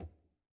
<region> pitch_keycenter=64 lokey=64 hikey=64 volume=30.505204 lovel=0 hivel=65 seq_position=1 seq_length=2 ampeg_attack=0.004000 ampeg_release=15.000000 sample=Membranophones/Struck Membranophones/Conga/Tumba_HitFM_v2_rr1_Sum.wav